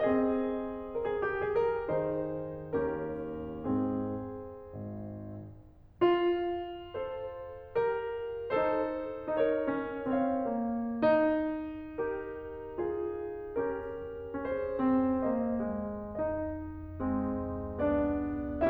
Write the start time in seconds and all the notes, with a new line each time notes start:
0.01 C4 G#4 D#5
1.02 A#4
1.07 G#4
1.24 G4
1.40 G#4
1.57 A#4
1.83 D#3 D#4 G#4 C5
2.71 D#2 C#4 G4 A#4
3.67 G#2 C4 G#4
4.87 G#1
5.96 F4
6.95 A4 C5
7.77 G4 A#4
8.57 D#4 A4 C5
9.29 D#4 A#4 C#5
9.68 C#4
10.13 C4 C#5 F5
10.52 A#3
10.92 D#4
12.00 G4 A#4
12.77 F4 G#4
13.59 C#4 G4 A#4
14.39 C#4 G#4 C5
14.84 C4
15.28 A#3 C5 D#5
15.56 G#3
16.20 D#4 D#5
16.99 G#3 C4
17.84 B3 D4 D5